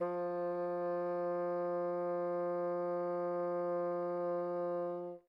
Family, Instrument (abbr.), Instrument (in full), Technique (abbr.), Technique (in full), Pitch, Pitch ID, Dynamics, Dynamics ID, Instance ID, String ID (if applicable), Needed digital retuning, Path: Winds, Bn, Bassoon, ord, ordinario, F3, 53, mf, 2, 0, , FALSE, Winds/Bassoon/ordinario/Bn-ord-F3-mf-N-N.wav